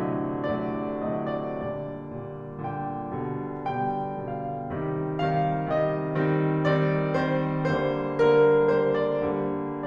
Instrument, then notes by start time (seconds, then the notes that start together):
piano
0.00 A2 C3 D3 F#3
0.58 A2 C3 D3 F#3 D5
1.01 A2 C3 D3 F#3 D#5
1.29 D5
1.68 A#2 D3 G3 D5
2.23 A#2 D3 G3
2.62 A#2 D3 G3 G5
3.20 B2 D3 G3
3.77 B2 D3 G3 G5
4.28 B2 D3 G3 F5
4.71 C3 D#3 G3
5.15 C3 D#3 G3 F5
5.71 C3 D#3 G3 D#5
6.19 D#3 G3 C4
6.71 D#3 G3 C4 D5
7.20 D#3 G3 C4 C5
7.67 D3 G3 A#3 C5
8.14 D3 G3 A#3 A#4
8.74 D3 G3 A#3 C5
9.09 D5
9.40 D3 G3 A#3